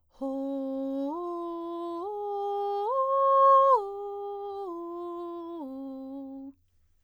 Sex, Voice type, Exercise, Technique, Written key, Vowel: female, soprano, arpeggios, breathy, , o